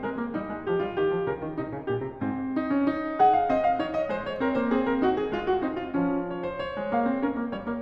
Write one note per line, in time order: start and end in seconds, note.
0.00 0.20 G#3
0.00 0.35 A#4
0.20 0.34 A#3
0.34 0.49 G3
0.34 0.66 D#4
0.49 0.65 G#3
0.65 0.81 F3
0.65 0.82 G4
0.81 1.00 G3
0.81 1.01 F4
1.00 1.14 D#3
1.00 1.28 G4
1.14 1.27 F3
1.27 1.37 C#3
1.27 1.53 A#4
1.37 1.53 D#3
1.53 1.67 C3
1.53 1.85 D#4
1.67 1.85 C#3
1.85 2.01 A#2
1.85 2.16 G4
2.01 2.15 C3
2.15 2.58 G#2
2.15 2.59 C4
2.58 2.74 D#4
2.74 2.91 D4
2.91 3.18 D#4
3.18 3.48 G#4
3.18 3.33 F#5
3.33 3.48 F5
3.48 3.78 C4
3.48 3.63 D#5
3.63 3.78 F5
3.78 4.10 D#4
3.78 3.97 C#5
3.97 4.10 D#5
4.10 4.41 G#3
4.10 4.28 C5
4.28 4.42 C#5
4.41 4.56 C4
4.41 4.57 A#4
4.56 4.70 A#3
4.56 4.71 C5
4.70 5.03 C4
4.70 4.86 G#4
4.86 5.04 A#4
5.03 5.33 D#4
5.03 5.19 F#4
5.19 5.34 G#4
5.33 5.62 G#3
5.33 5.48 F4
5.48 5.62 F#4
5.62 5.99 C4
5.62 5.78 D#4
5.78 5.99 F4
5.99 6.78 F3
5.99 6.36 C#4
6.36 6.50 C#5
6.50 6.63 C5
6.63 6.92 C#5
6.78 6.91 G#3
6.91 7.05 A#3
6.91 7.22 F5
7.05 7.21 C4
7.21 7.35 C#4
7.21 7.50 A#4
7.35 7.50 A#3
7.50 7.66 G3
7.50 7.81 C#5
7.66 7.81 A#3